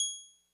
<region> pitch_keycenter=92 lokey=91 hikey=94 volume=6.860392 lovel=100 hivel=127 ampeg_attack=0.004000 ampeg_release=0.100000 sample=Electrophones/TX81Z/Clavisynth/Clavisynth_G#5_vl3.wav